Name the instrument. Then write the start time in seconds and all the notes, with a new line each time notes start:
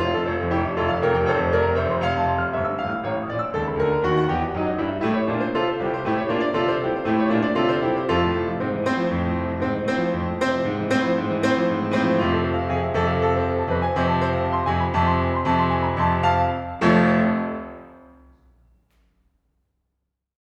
piano
0.00 F1 F4
0.12 F2 A4
0.31 F1 C5
0.48 F2 F5
0.58 F1 E4 G4
0.66 F2 E5
0.78 F1 F4 A4
0.92 F2 F5
1.03 F1 G4 A#4
1.14 F2 G5
1.30 F1 A4 C5
1.46 F2 A5
1.57 F1 A#4 D5
1.67 F2 A#5
1.83 F1 C5 E5
1.92 F2 C6
2.02 F1 F5
2.14 F2 A5
2.24 F1 C6
2.47 F2 F6
2.57 G1 E5
2.71 G2 E6
2.81 A1 F5
2.90 A2 F6
3.03 A1 C#5
3.17 A2 C#6
3.29 A#1 D5
3.39 A#2 D6
3.49 C#2 A4
3.66 C#3 A5
3.78 D2 A#4
3.90 D3 A#5
4.01 D#2 F#4
4.10 D#3 F#5
4.28 E2 G4
4.38 E3 G5
4.52 F#2 D#4
4.63 F#3 D#5
4.75 G2 E4
4.86 G3 E5
5.04 A2 A3 E4 G4
5.15 C#5
5.29 A#2 A#3 D4 F4
5.42 D5
5.54 C3 C4 F4 A4
5.74 C5
5.86 C2 C3 E4 G4
6.01 C5
6.13 A2 A3 E4 G4
6.22 C#5
6.35 A#2 A#3 D4 F4
6.46 D5
6.58 C3 C4 F4 A4
6.73 C5
6.86 C2 C3 E4 G4
7.01 C5
7.15 A2 A3 E4 G4
7.24 C#5
7.34 A#2 A#3 D4 F4
7.44 D5
7.55 C3 C4 F4 A4
7.66 C5
7.81 C2 C3 E4 G4
7.92 C5
8.01 F2 F4 A4
8.17 A2
8.28 D3
8.38 F3
8.59 G#2 C4 C5
8.68 E3
8.80 A2 C4 C5
8.94 F3
9.08 F2
9.21 A2
9.33 D3
9.44 F3
9.56 G#2 C4 C5
9.82 E3
9.94 A2
10.05 F3
10.14 F2
10.25 A2
10.36 D3 C4 C5
10.50 F3
10.65 G#2
10.74 E3
10.87 A2 C4 C5
10.97 F3
11.08 G#2
11.31 E3
11.41 A2 C4 C5
11.56 F3
11.68 G#2
11.80 E3
11.91 A2 C4 C5
12.11 F3
12.21 F2 C3 F4
12.42 A4
12.52 C5
12.62 F5
12.71 F2 C3 G#4
12.88 E5
13.01 F2 C3 A4
13.13 F5
13.24 A4
13.34 C5
13.49 F5
13.60 A5
13.68 F2 C3 B4
13.80 G#5
13.91 F2 C3 C5
14.07 A5
14.19 C5
14.32 F5
14.43 A5
14.54 C6
14.64 F2 C3 G#5
14.83 B5
14.97 F2 C3 A5
15.09 C6
15.21 G#5
15.36 B5
15.46 F2 C3 A5
15.57 C6
15.73 G#5
15.88 B5
16.01 F2 C3 A5
16.13 C6
16.25 F5 A5
16.82 F1 F2 F3 A3
18.66 F3